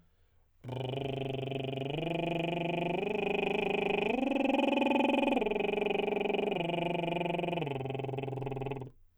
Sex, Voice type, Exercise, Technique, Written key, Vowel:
male, tenor, arpeggios, lip trill, , u